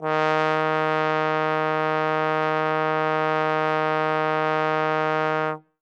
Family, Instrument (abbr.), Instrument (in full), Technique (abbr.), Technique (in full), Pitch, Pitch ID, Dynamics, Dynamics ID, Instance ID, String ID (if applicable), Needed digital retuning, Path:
Brass, Tbn, Trombone, ord, ordinario, D#3, 51, ff, 4, 0, , FALSE, Brass/Trombone/ordinario/Tbn-ord-D#3-ff-N-N.wav